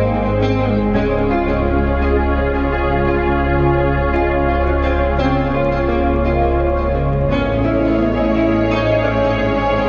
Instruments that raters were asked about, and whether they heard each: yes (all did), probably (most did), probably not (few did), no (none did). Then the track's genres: cello: probably
organ: probably not
Ambient Electronic; Ambient